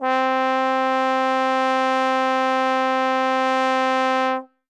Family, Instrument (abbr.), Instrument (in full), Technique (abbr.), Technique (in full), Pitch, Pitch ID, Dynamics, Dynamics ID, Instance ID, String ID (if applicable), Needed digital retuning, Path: Brass, Tbn, Trombone, ord, ordinario, C4, 60, ff, 4, 0, , FALSE, Brass/Trombone/ordinario/Tbn-ord-C4-ff-N-N.wav